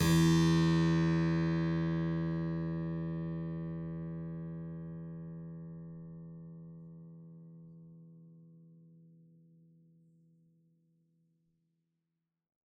<region> pitch_keycenter=40 lokey=40 hikey=41 volume=-0.377911 trigger=attack ampeg_attack=0.004000 ampeg_release=0.400000 amp_veltrack=0 sample=Chordophones/Zithers/Harpsichord, Flemish/Sustains/Low/Harpsi_Low_Far_E1_rr1.wav